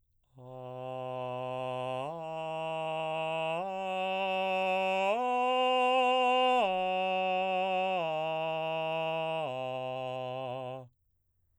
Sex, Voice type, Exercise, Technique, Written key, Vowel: male, baritone, arpeggios, straight tone, , a